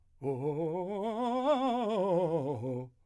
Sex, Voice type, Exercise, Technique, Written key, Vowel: male, , scales, fast/articulated piano, C major, o